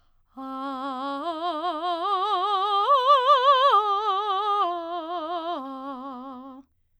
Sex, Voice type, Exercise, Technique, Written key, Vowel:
female, soprano, arpeggios, vibrato, , a